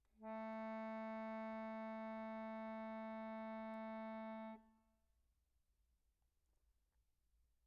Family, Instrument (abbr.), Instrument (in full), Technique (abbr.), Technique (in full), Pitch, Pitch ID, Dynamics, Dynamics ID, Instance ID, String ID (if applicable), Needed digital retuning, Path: Keyboards, Acc, Accordion, ord, ordinario, A3, 57, pp, 0, 1, , FALSE, Keyboards/Accordion/ordinario/Acc-ord-A3-pp-alt1-N.wav